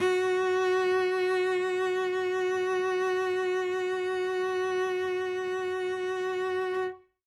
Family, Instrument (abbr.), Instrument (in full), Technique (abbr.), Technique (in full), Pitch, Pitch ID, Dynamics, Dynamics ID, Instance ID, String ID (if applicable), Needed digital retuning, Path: Strings, Vc, Cello, ord, ordinario, F#4, 66, ff, 4, 1, 2, FALSE, Strings/Violoncello/ordinario/Vc-ord-F#4-ff-2c-N.wav